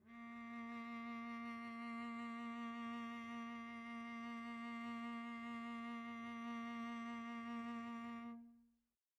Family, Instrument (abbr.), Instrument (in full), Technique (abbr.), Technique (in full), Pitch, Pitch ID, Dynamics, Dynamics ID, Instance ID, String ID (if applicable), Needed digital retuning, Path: Strings, Vc, Cello, ord, ordinario, A#3, 58, pp, 0, 1, 2, TRUE, Strings/Violoncello/ordinario/Vc-ord-A#3-pp-2c-T12u.wav